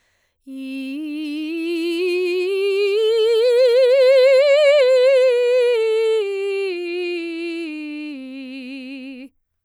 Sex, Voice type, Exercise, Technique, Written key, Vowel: female, soprano, scales, slow/legato piano, C major, i